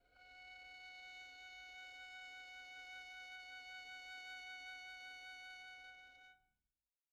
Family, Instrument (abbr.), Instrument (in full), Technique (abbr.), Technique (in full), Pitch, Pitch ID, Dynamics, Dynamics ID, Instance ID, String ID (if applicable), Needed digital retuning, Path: Strings, Vn, Violin, ord, ordinario, F#5, 78, pp, 0, 1, 2, FALSE, Strings/Violin/ordinario/Vn-ord-F#5-pp-2c-N.wav